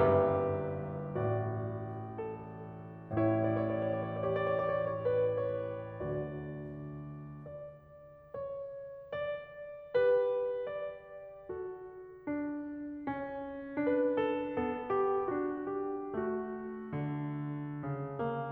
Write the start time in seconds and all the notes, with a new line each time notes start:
0.00 G1 G2 G4 B4 E5
1.24 A1 A2 F#4 D5
2.26 A4
3.24 A1 A2 E4 C#5
3.40 D5
3.97 C#5
4.13 D5
4.23 C#5
4.61 D5
4.78 C#5
4.90 D5
4.98 C#5
5.18 D5
5.32 C#5
5.48 D5
5.58 C#5
5.72 D5
5.80 B4
5.92 C#5
6.12 D2 D3 F#4 D5
7.33 D5
8.23 C#5
9.00 D5
9.97 G4 B4
10.72 D5
11.51 F#4 A4
12.25 D4
13.08 C#4
13.84 D4 B4
14.20 A4
14.54 B3 A4
14.93 G4
15.30 D4 F#4
15.77 G4
16.15 A3 F#4
16.93 D3
17.83 C#3
18.20 A#3